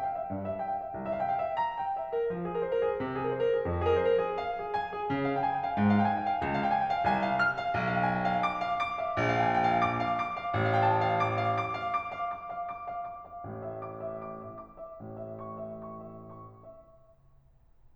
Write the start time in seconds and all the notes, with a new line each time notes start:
0.00 G5
0.12 F5
0.21 E5
0.30 G2
0.42 E5
0.53 F5
0.65 G5
0.75 F5
0.85 E5
0.98 C2
1.08 E5
1.16 F5
1.24 G5
1.36 F5
1.47 E5
1.59 A#5
1.81 G5
2.00 E5
2.12 A#4
2.29 F3
2.41 G#4
2.52 A#4
2.64 C5
2.74 A#4
2.86 G#4
3.00 C3
3.16 G#4
3.32 A#4
3.41 C5
3.51 A#4
3.61 G#4
3.70 F2
3.83 G#4
3.96 A#4
4.04 C5
4.13 A#4
4.21 G#4
4.34 F5
4.53 G#4
4.69 G#5
4.97 G#4
5.13 C#3
5.24 F5
5.35 G5
5.46 G#5
5.56 G5
5.67 F5
5.76 G#2
5.94 F5
6.04 G5
6.13 G#5
6.23 G5
6.32 F5
6.42 C#2
6.52 F5
6.62 G5
6.70 G#5
6.79 G5
6.93 F5
7.07 C2 G#5
7.23 F5
7.43 F6
7.57 F5
7.73 B1
7.89 F5
8.00 G5
8.17 G#5
8.28 G5
8.37 F5
8.48 D6
8.65 F5
8.84 D6
8.99 F5
9.20 A#1
9.30 F5
9.43 G5
9.59 G#5
9.68 G5
9.79 F5
9.88 D6
10.03 F5
10.21 D6
10.37 F5
10.52 A1
10.70 F5
10.79 G5
10.89 A5
10.99 G5
11.13 F5
11.25 D6
11.46 F5
11.61 D6
11.76 F5
11.90 D6
12.12 F5
12.32 D6
12.50 F5
12.74 D6
12.92 F5
13.07 D6
13.25 F5
13.44 A1 A2
13.73 E5
13.93 D6
14.08 E5
14.25 D6
14.42 E5
14.58 D6
14.77 E5
14.99 A1 A2
15.15 E5
15.36 C#6
15.55 E5
15.73 C#6
15.92 E5
16.09 C#6
16.35 E5